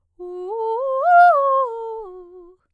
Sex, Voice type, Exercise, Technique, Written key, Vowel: female, soprano, arpeggios, fast/articulated piano, F major, u